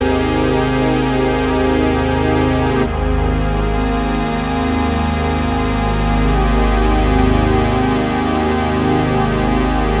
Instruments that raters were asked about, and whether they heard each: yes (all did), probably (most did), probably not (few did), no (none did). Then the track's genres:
synthesizer: yes
Avant-Garde; Experimental